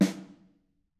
<region> pitch_keycenter=61 lokey=61 hikey=61 volume=9.561457 offset=212 lovel=107 hivel=127 seq_position=2 seq_length=2 ampeg_attack=0.004000 ampeg_release=15.000000 sample=Membranophones/Struck Membranophones/Snare Drum, Modern 2/Snare3M_HitSN_v5_rr2_Mid.wav